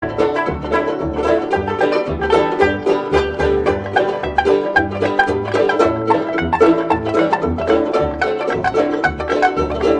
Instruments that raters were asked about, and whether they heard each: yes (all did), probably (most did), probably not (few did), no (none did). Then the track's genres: ukulele: probably not
banjo: yes
mandolin: yes
Old-Time / Historic